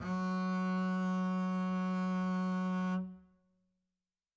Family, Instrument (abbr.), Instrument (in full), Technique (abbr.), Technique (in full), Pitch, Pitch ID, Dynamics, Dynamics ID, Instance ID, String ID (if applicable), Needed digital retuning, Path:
Strings, Cb, Contrabass, ord, ordinario, F#3, 54, mf, 2, 0, 1, FALSE, Strings/Contrabass/ordinario/Cb-ord-F#3-mf-1c-N.wav